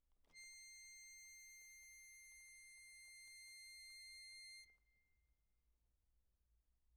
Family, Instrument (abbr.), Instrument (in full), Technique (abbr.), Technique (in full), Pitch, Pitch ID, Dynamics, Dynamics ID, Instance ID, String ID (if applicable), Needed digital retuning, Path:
Keyboards, Acc, Accordion, ord, ordinario, C7, 96, p, 1, 0, , FALSE, Keyboards/Accordion/ordinario/Acc-ord-C7-p-N-N.wav